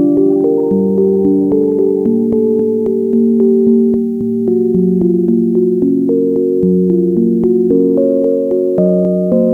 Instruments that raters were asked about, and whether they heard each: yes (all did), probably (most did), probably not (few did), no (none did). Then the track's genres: voice: no
bass: no
violin: no
Electronic; Glitch; IDM